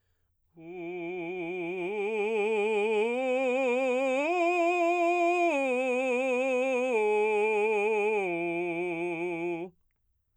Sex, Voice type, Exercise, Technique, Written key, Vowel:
male, baritone, arpeggios, slow/legato forte, F major, u